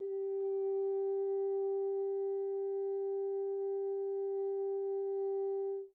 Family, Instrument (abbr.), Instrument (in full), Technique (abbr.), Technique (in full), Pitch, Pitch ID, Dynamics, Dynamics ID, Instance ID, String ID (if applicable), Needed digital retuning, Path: Brass, Hn, French Horn, ord, ordinario, G4, 67, pp, 0, 0, , FALSE, Brass/Horn/ordinario/Hn-ord-G4-pp-N-N.wav